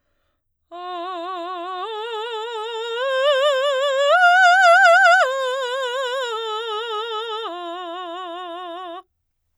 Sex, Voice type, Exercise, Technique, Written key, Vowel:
female, soprano, arpeggios, slow/legato forte, F major, a